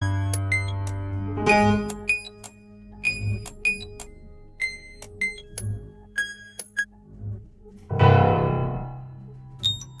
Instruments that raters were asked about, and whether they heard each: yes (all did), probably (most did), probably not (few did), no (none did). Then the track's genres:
mallet percussion: yes
Contemporary Classical